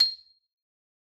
<region> pitch_keycenter=96 lokey=94 hikey=97 volume=4.621578 lovel=84 hivel=127 ampeg_attack=0.004000 ampeg_release=15.000000 sample=Idiophones/Struck Idiophones/Xylophone/Medium Mallets/Xylo_Medium_C7_ff_01_far.wav